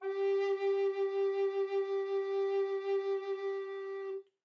<region> pitch_keycenter=67 lokey=67 hikey=68 tune=-5 volume=7.234425 offset=469 ampeg_attack=0.004000 ampeg_release=0.300000 sample=Aerophones/Edge-blown Aerophones/Baroque Tenor Recorder/SusVib/TenRecorder_SusVib_G3_rr1_Main.wav